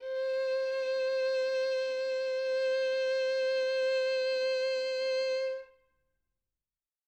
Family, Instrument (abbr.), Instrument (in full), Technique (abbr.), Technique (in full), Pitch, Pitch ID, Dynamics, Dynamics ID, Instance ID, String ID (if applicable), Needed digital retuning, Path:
Strings, Vn, Violin, ord, ordinario, C5, 72, mf, 2, 3, 4, FALSE, Strings/Violin/ordinario/Vn-ord-C5-mf-4c-N.wav